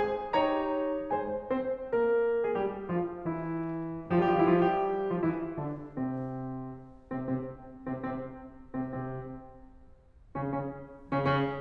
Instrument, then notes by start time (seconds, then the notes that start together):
piano
0.00 G#3 G#4 C5 G#5
0.35 D#4 G4 C#5 A#5
1.14 G#3 G#4 C5 G#5
1.51 C4 C5
1.90 A#3 A#4
2.45 G#3 G#4
2.55 G3 G4
2.93 F3 F4
3.27 E3 E4
4.12 F3 F4
4.25 G3 G4
4.33 E3 E4
4.44 F3 F4
4.50 G3 G4
5.12 F3 F4
5.21 E3 E4
5.60 D3 D4
5.93 C3 C4
7.13 C3 C4
7.22 C3 C4
7.79 C3 C4
7.88 C3 C4
8.53 C3 C4
8.61 C3 C4
10.22 C#3 C#4
10.30 C#3 C#4
10.83 C#3 C#4
10.92 C#3 C#4